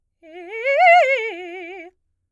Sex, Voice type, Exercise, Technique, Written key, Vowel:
female, soprano, arpeggios, fast/articulated piano, F major, e